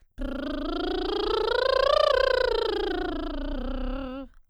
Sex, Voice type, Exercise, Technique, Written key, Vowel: female, soprano, scales, lip trill, , o